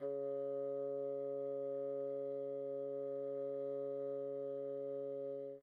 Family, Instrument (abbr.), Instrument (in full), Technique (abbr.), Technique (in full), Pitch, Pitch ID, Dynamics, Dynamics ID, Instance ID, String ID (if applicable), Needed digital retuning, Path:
Winds, Bn, Bassoon, ord, ordinario, C#3, 49, pp, 0, 0, , FALSE, Winds/Bassoon/ordinario/Bn-ord-C#3-pp-N-N.wav